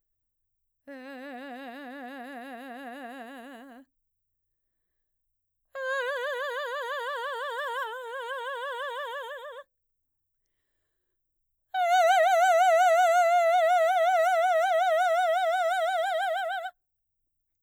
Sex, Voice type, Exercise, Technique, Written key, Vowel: female, mezzo-soprano, long tones, trillo (goat tone), , e